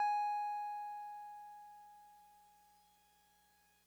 <region> pitch_keycenter=80 lokey=79 hikey=82 volume=21.135567 lovel=0 hivel=65 ampeg_attack=0.004000 ampeg_release=0.100000 sample=Electrophones/TX81Z/Piano 1/Piano 1_G#4_vl1.wav